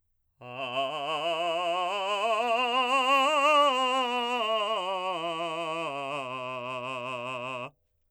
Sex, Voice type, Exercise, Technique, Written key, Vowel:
male, , scales, vibrato, , a